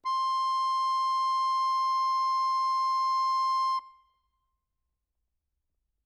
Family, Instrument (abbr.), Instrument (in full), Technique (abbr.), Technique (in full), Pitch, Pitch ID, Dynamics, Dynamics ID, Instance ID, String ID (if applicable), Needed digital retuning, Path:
Keyboards, Acc, Accordion, ord, ordinario, C6, 84, ff, 4, 2, , FALSE, Keyboards/Accordion/ordinario/Acc-ord-C6-ff-alt2-N.wav